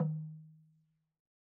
<region> pitch_keycenter=60 lokey=60 hikey=60 volume=16.276508 lovel=66 hivel=99 ampeg_attack=0.004000 ampeg_release=30.000000 sample=Idiophones/Struck Idiophones/Slit Drum/LogDrumHi_MedM_v2_rr1_Sum.wav